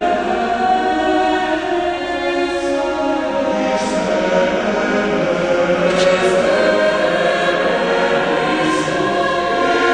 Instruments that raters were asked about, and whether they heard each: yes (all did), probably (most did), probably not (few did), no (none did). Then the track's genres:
voice: yes
Classical